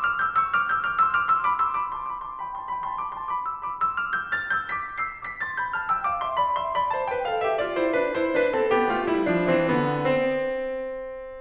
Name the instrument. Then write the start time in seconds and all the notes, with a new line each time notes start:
piano
0.00 D6 F6
0.14 E6 G6
0.34 C#6 E6
0.48 D6 F6
0.67 E6 G6
0.85 D6 F6
1.02 C6 E6
1.17 D6 F6
1.32 C6 E6
1.47 B5 D6
1.60 C6 E6
1.76 B5 D6
1.92 A5 C6
2.07 B5 D6
2.25 A5 C6
2.40 G5 B5
2.55 A5 C6
2.71 G5 B5
2.88 A5 C6
3.01 B5 D6
3.15 A5 C6
3.36 B5 D6
3.49 C6 E6
3.62 B5 D6
3.87 C6 E6
4.05 D6 F6
4.27 E6 G6
4.45 F6 A6
4.62 E6 G6
4.76 D6 B6
5.07 E6 C7
5.26 D6 B6
5.42 C6 A6
5.61 B5 G6
5.80 A5 F6
5.93 G5 E6
6.08 F5 D6
6.27 E5 C6
6.43 D5 B5
6.63 E5 C6
6.79 D5 B5
6.93 C5 A5
7.13 B4 G5
7.27 A4 F5
7.41 G4 E5
7.53 F4 D5
7.70 E4 C5
7.91 D4 B4
8.17 E4 C5
8.36 D4 B4
8.54 C4 A4
8.74 B3 G4
8.90 A3 F4
9.09 G3 E4
9.28 F3 D4
9.46 E3 C4
9.71 D3 B3
9.98 C4